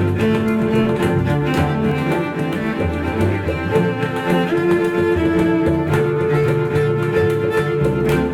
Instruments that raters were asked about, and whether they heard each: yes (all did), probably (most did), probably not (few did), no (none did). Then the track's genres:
cello: yes
violin: probably
Classical